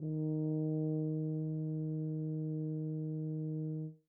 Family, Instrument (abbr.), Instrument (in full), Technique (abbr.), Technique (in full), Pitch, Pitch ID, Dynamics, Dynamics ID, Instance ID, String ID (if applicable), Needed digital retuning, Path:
Brass, BTb, Bass Tuba, ord, ordinario, D#3, 51, mf, 2, 0, , TRUE, Brass/Bass_Tuba/ordinario/BTb-ord-D#3-mf-N-T25u.wav